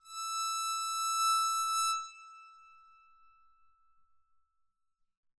<region> pitch_keycenter=88 lokey=88 hikey=89 volume=15.929650 offset=1878 ampeg_attack=0.004000 ampeg_release=2.000000 sample=Chordophones/Zithers/Psaltery, Bowed and Plucked/LongBow/BowedPsaltery_E5_Main_LongBow_rr2.wav